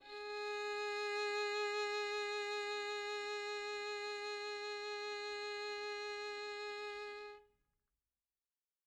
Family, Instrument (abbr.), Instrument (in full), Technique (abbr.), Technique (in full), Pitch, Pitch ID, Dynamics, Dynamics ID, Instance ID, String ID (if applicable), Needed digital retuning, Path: Strings, Vn, Violin, ord, ordinario, G#4, 68, mf, 2, 2, 3, FALSE, Strings/Violin/ordinario/Vn-ord-G#4-mf-3c-N.wav